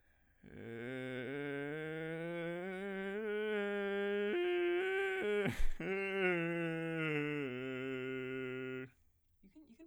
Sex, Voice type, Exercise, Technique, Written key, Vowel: male, bass, scales, vocal fry, , e